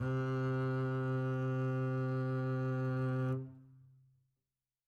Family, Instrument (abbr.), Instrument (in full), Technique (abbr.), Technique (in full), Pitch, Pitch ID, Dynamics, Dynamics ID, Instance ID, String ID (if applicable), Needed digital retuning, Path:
Strings, Cb, Contrabass, ord, ordinario, C3, 48, mf, 2, 2, 3, FALSE, Strings/Contrabass/ordinario/Cb-ord-C3-mf-3c-N.wav